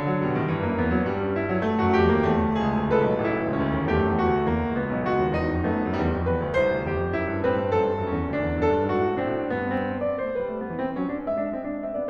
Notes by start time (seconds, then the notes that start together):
0.00 F#3
0.15 B2 G3
0.24 A2 D#3
0.36 G2 C#3
0.48 F#2 A3
0.57 E2 B3
0.67 D2 F#3
0.78 G2 G3
0.88 A#3
1.01 B3
1.10 F#3
1.21 G3
1.34 D#4
1.43 G2 E4
1.54 F#2 A3
1.65 E2 B3
1.80 D#2 F#4
1.96 E2 G4
2.15 D2 A#3
2.30 C#2 A3
2.41 D2
2.57 C#2 G#4
2.96 B1
3.10 A1 A4
3.25 B1
3.45 C#2 E4
3.59 D2
3.74 D#2 C#4
3.85 E2
3.99 F#2 A3 G4
4.11 E2
4.27 D2 F#4
4.40 E2
4.50 D2 A#3
4.63 C#2
4.77 B1 B3
4.92 C#2
5.09 D2 F#4
5.21 E2
5.34 F2 D#4
5.46 F#2
5.61 G2 A3 B3
5.80 F#2
5.92 E2 G3
6.06 F2
6.28 E2 B4
6.40 D2
6.56 C2 C5
6.73 D2
6.85 E2 G4
6.98 F2
7.16 F#2 E4
7.27 G2
7.42 A2 C4 B4
7.57 G2
7.72 F#2 A4
7.85 G2
7.96 F#2 C#4
8.16 E2
8.32 D2 D4
8.52 E2
8.66 F#2 A4
8.77 G2
8.92 G#2 F#4
9.01 A2
9.13 B2 C4 D4
9.30 A2
9.49 G2 B3
9.80 C4
10.08 B3 D5
10.22 A3 C#5
10.39 G3 B4
10.51 A3
10.65 F3 B3
10.81 C4
10.95 E3 C#4
11.12 D4
11.26 G#3 E5
11.46 D4
11.58 G#3 C4
11.70 D4
11.84 C4 E5
11.96 B3 D5